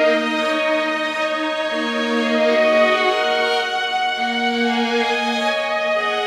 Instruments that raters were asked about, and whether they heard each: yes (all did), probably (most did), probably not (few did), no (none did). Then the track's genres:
violin: yes
Ambient